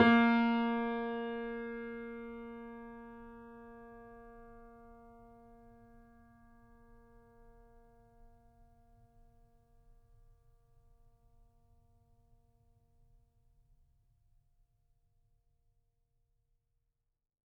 <region> pitch_keycenter=58 lokey=58 hikey=59 volume=0.617904 lovel=66 hivel=99 locc64=0 hicc64=64 ampeg_attack=0.004000 ampeg_release=0.400000 sample=Chordophones/Zithers/Grand Piano, Steinway B/NoSus/Piano_NoSus_Close_A#3_vl3_rr1.wav